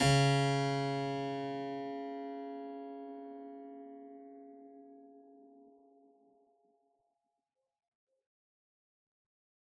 <region> pitch_keycenter=49 lokey=49 hikey=49 volume=-0.690072 trigger=attack ampeg_attack=0.004000 ampeg_release=0.400000 amp_veltrack=0 sample=Chordophones/Zithers/Harpsichord, Unk/Sustains/Harpsi4_Sus_Main_C#2_rr1.wav